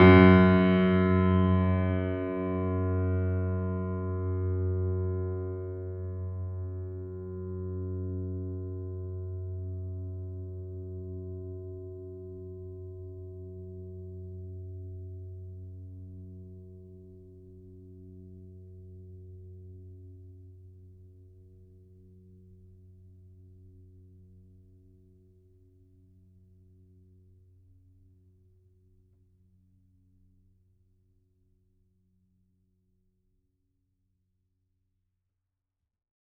<region> pitch_keycenter=42 lokey=42 hikey=43 volume=-1.284066 lovel=66 hivel=99 locc64=65 hicc64=127 ampeg_attack=0.004000 ampeg_release=0.400000 sample=Chordophones/Zithers/Grand Piano, Steinway B/Sus/Piano_Sus_Close_F#2_vl3_rr1.wav